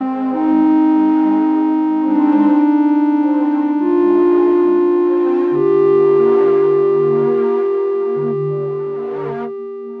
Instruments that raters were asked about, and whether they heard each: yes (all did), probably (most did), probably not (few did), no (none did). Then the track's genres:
accordion: no
clarinet: no
Electronic; Ambient